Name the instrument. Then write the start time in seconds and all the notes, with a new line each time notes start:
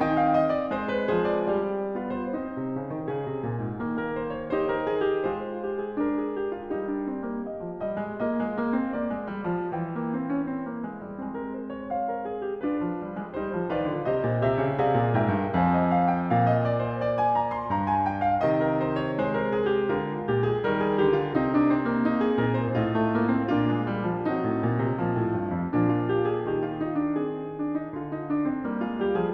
piano
0.00 D#3 C4 D#4 G5
0.16 F5
0.34 D#5
0.56 D5
0.73 G#3 C5
0.88 B4
1.13 F3 G#4 C5
1.35 D5
1.56 G3 G4 D5
1.94 B3 F4
2.09 C5
2.32 C4 D#4 C5
2.59 C3
2.74 C#3
2.95 D#3
3.11 C#3 G#4
3.29 C3
3.45 A#2
3.62 G#2
3.84 D#3 A#3
4.04 A#4
4.24 C5
4.40 C#5
4.52 D#4 C5
4.69 A#4
4.88 G#4
5.07 G4
5.24 G#3 F4 C5
5.61 G4
5.82 G#4
5.98 D4 A#4
6.16 G#4
6.35 G4
6.55 F4
6.73 G3 D#4 G4
6.90 D4
7.08 C4
7.23 A#3
7.47 D#5
7.63 F3
7.83 G3 D#5
7.98 G#3
8.19 A#3 F4 D#5
8.35 G#3
8.53 A#3
8.73 C4
8.90 A#3 D5
9.13 G#3
9.30 G3
9.49 F3
9.71 E3 G5
9.91 A#3
10.15 C4
10.31 C#4
10.50 C4
10.66 A#3
10.84 G#3
11.03 G3
11.19 G#3 C4
11.41 A#4
11.58 C5
11.75 C#5
11.91 C5 F5
12.10 A#4
12.26 G#4
12.45 G4
12.63 D4 F4 B4
12.83 F3
12.97 G3
13.18 G#3
13.34 G3 D#4 G4 C5
13.51 F3
13.70 D#3 F4
13.77 B4 D5
13.92 D3
14.11 C3 G4 C5 D#5
14.30 A#2
14.48 C3 G4 E5
14.58 C#3
14.76 C3 G#4 D5 F5
14.94 A#2
15.15 G#2 A#4 E5 G5
15.35 G2
15.56 F2 C5 F5 G#5
15.78 D#5
15.93 F5
16.11 G5
16.29 A#2 F5
16.50 D#5
16.66 D5
16.83 C5
17.02 D5
17.21 G#5
17.37 A#5
17.50 C6
17.69 G2 A#5
17.90 G#5
18.08 G5
18.23 F5
18.41 C3 D#3 D#5
18.61 A#4
18.82 C5
19.02 C#5
19.14 G#3 C5
19.37 A#4
19.56 G#4
19.71 G4
19.85 D3 F4
20.22 A#2 G4
20.41 G#4
20.58 D#3 G3
20.64 A#4
20.82 G#4
20.99 D3 G4
21.20 F4
21.36 C3 C4 D#4
21.52 D4
21.70 C4
21.87 A#3
22.07 D#4
22.26 G#4
22.40 A#2 D#4 A#4
22.60 C5
22.73 A2 D#4 F4
22.92 A3
23.13 A#3
23.30 C4
23.49 A#2 A#3
23.55 D4 F4
23.71 G#3
23.88 G3
24.07 F3
24.23 F#3
24.28 C4 D#4
24.42 A2
24.57 A#2
24.75 C3
24.98 A#2 F3
25.18 A2
25.37 G2
25.50 F2
25.68 A#2 F3
25.73 D4
25.93 F4
26.12 G4
26.26 G#4
26.40 D#3
26.45 G4
26.63 F4
26.78 D#4
26.98 D4
27.17 C4 G#4
27.52 D4
27.68 D#4
27.83 D3
27.88 F4
28.07 D#4
28.26 D4
28.49 C4
28.54 G3
28.63 A#3
28.77 G#3
28.83 F4
28.98 G3 G4
29.14 F3
29.19 G#4